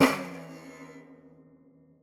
<region> pitch_keycenter=64 lokey=64 hikey=64 volume=2.000000 ampeg_attack=0.004000 ampeg_release=0.300000 sample=Chordophones/Zithers/Dan Tranh/FX/FX_18.wav